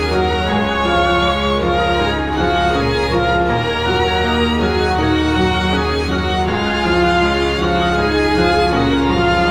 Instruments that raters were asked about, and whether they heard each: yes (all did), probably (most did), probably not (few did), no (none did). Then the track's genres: cello: probably
violin: yes
drums: no
Easy Listening; Soundtrack; Instrumental